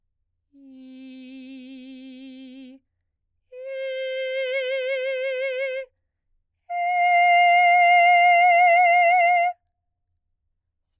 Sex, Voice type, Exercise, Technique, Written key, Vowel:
female, soprano, long tones, straight tone, , i